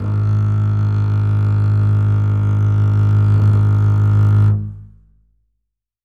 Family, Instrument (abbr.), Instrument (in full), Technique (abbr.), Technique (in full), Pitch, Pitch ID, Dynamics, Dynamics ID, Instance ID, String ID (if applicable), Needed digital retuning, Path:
Strings, Cb, Contrabass, ord, ordinario, G#1, 32, ff, 4, 3, 4, FALSE, Strings/Contrabass/ordinario/Cb-ord-G#1-ff-4c-N.wav